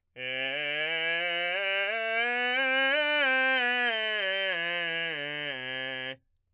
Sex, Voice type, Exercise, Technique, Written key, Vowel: male, , scales, belt, , e